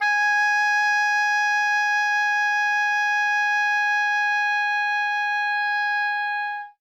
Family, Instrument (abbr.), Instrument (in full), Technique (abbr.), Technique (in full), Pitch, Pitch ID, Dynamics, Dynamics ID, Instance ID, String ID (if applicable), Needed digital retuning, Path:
Winds, Ob, Oboe, ord, ordinario, G#5, 80, ff, 4, 0, , FALSE, Winds/Oboe/ordinario/Ob-ord-G#5-ff-N-N.wav